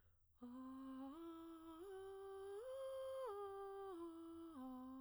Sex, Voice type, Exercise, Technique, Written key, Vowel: female, soprano, arpeggios, breathy, , a